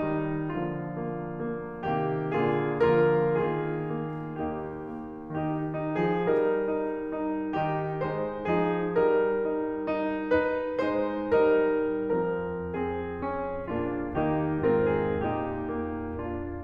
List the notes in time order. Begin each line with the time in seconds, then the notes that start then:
0.00 D#3 G3 D#4
0.56 D3 F3 A#3 F4
0.94 A#3
1.36 A#3
1.81 C3 D#3 A#3 G4
2.35 A#2 D3 A#3 F4 G#4
2.84 D3 F3 A#3 F4 A#4
3.51 D#3 A#3 F4 G#4
4.03 A#3
4.47 D#2 A#3 D#4 G4
4.86 A#3
5.31 D#3 D#4 G4
5.76 D#4
6.03 F3 G#4
6.29 G3 D#4 A#4
6.72 D#4
7.15 D#4
7.55 D#3 D#4 G4
8.02 G#3 D#4 C5
8.56 F3 D#4 G#4
8.99 G3 D#4 A#4
9.46 D#4
9.95 D#4
10.31 D#4 B4
10.79 G#3 D#4 C5
11.34 G3 D#4 A#4
12.13 F3 C4 A#4
12.70 C4 G#4
13.20 C#4
13.73 A#2 A#3 D4 F4
14.16 D#3 A#3 D#4 G4
14.74 G#2 C4 F4 A#4
14.93 G#4
15.26 A#2 D#4 G4
15.69 A#3
16.17 D4 F4